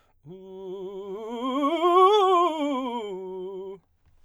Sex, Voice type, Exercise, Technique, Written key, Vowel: male, baritone, scales, fast/articulated forte, F major, u